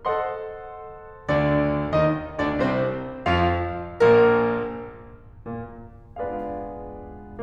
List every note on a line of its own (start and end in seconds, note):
0.01 1.32 A4
0.01 1.32 C5
0.01 1.32 D#5
0.01 1.32 F#5
0.01 1.32 C6
1.33 1.93 D2
1.33 1.93 D3
1.33 1.93 D4
1.33 1.93 D5
1.93 2.37 D#2
1.93 2.37 D#3
1.93 2.37 D#4
1.93 2.37 D#5
2.40 2.56 D2
2.40 2.56 D3
2.40 2.56 D4
2.40 2.56 D5
2.56 3.23 C2
2.56 3.23 C3
2.56 3.23 C4
2.56 3.23 C5
3.26 4.02 F2
3.26 4.02 F3
3.26 4.02 F4
3.26 4.02 F5
4.03 4.67 A#1
4.03 4.67 A#2
4.03 4.67 A#3
4.03 4.67 A#4
5.40 6.16 A#2
5.40 6.16 A#3
6.16 7.42 G#3
6.16 7.42 B3
6.16 7.42 D4
6.16 7.42 F4
6.16 7.42 G#4
6.16 7.42 B4
6.16 7.42 D5
6.16 7.42 F5